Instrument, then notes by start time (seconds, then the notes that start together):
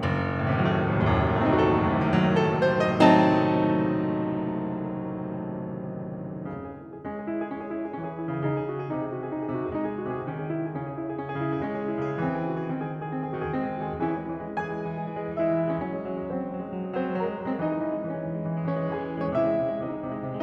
piano
0.00 F#1
0.43 A2
0.49 C3
0.53 D#3
0.58 F#3
0.64 A3
0.88 A1
0.96 C2
1.07 D#2
1.11 F#2
1.22 A2
1.52 A3 C4
1.60 D#4
1.65 F#4
1.70 A4
2.00 A2
2.07 C3
2.11 D#3
2.18 F#3
2.24 A3
2.45 A4
2.65 C5
2.96 D#5
3.19 F#3 A3 C4 D#4 A5
6.56 C#3 C#4
6.68 G#4
6.80 E4
6.92 G#4
7.02 G#3 C#4
7.13 G#4
7.26 E4
7.34 G#4
7.45 C#4
7.56 G#4
7.71 E4
7.83 G#4
7.93 E3 C#4
8.02 G#4
8.17 E4
8.25 C#3 G#4
8.43 C#3 D#4
8.58 G#4
8.67 F#4
8.81 G#4
8.90 C3 D#4
9.02 G#4
9.11 F#4
9.22 G#4
9.31 D#4
9.42 G#4
9.54 C3 F#4
9.66 G#4
9.80 G#3 D#4
9.89 G#4
10.00 F#4
10.11 C3 G#4
10.26 D#3 C#4
10.37 G#4
10.48 E4
10.61 G#4
10.70 C#3 C#4
10.84 G#4
10.99 E4
11.12 G#4
11.23 C#4
11.32 G#4
11.41 C#3 E4
11.54 G#4
11.76 G#3 C#4
11.88 G#4
11.97 E4
12.11 C#3 G#4
12.20 E3 C4
12.38 G#4
12.48 F#4
12.57 G#4
12.67 D#3 C4
12.76 G#4
12.88 F#4
12.99 G#4
13.10 C4
13.19 G#4
13.29 D#3 F#4
13.42 G#4
13.53 G#3 C4
13.66 G#4
13.83 F#4
13.96 D#3
14.09 E3 C#4 E4 G#4
14.21 G#3
14.35 E3
14.47 G#3
14.57 E3 G#4 G#5
14.65 G#3
14.76 E3
14.86 G#3
14.98 E3
15.08 G#3
15.17 E3
15.28 G#3
15.38 E3 E4 E5
15.52 G#3
15.70 E3
15.81 G#3 C#4 C#5
15.92 F#3 C#4 C#5
16.03 G#3
16.16 F#3
16.24 G#3
16.34 F#3 C4 C5
16.44 G#3
16.53 F#3
16.61 G#3
16.70 F#3
16.80 G#3
16.92 F#3 C4 C5
17.10 G#3
17.24 F#3 G#4 G#5
17.33 G#3
17.47 F#3
17.57 G#3 C4 C5
17.66 E3 D#4 D#5
17.76 G#3
17.86 E3
17.95 G#3
18.04 E3 C#4 C#5
18.16 G#3
18.31 E3
18.41 G#3
18.51 E3
18.60 G#3
18.70 E3 C#4 C#5
18.83 G#3
18.98 E3 G#4 G#5
19.11 G#3
19.20 E3
19.31 G#3 C#4 C#5
19.42 C3 E4 E5
19.53 G#3
19.62 C3
19.71 G#3
19.83 C3 D#4 D#5
19.92 G#3
20.02 C3
20.13 G#3
20.24 C3
20.33 G#3